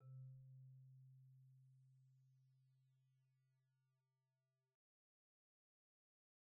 <region> pitch_keycenter=48 lokey=45 hikey=51 volume=37.213197 offset=57 xfout_lovel=0 xfout_hivel=83 ampeg_attack=0.004000 ampeg_release=15.000000 sample=Idiophones/Struck Idiophones/Marimba/Marimba_hit_Outrigger_C2_soft_01.wav